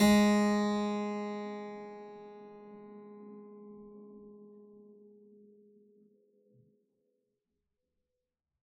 <region> pitch_keycenter=56 lokey=56 hikey=56 volume=-1.513926 trigger=attack ampeg_attack=0.004000 ampeg_release=0.400000 amp_veltrack=0 sample=Chordophones/Zithers/Harpsichord, Unk/Sustains/Harpsi4_Sus_Main_G#2_rr1.wav